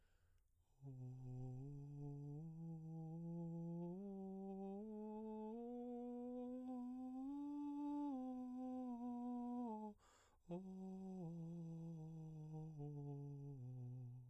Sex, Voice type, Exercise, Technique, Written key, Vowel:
male, baritone, scales, breathy, , o